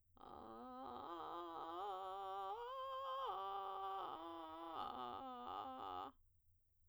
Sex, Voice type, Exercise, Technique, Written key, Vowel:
female, soprano, arpeggios, vocal fry, , a